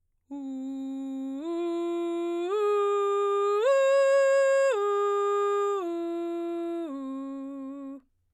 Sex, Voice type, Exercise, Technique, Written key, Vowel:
female, soprano, arpeggios, straight tone, , u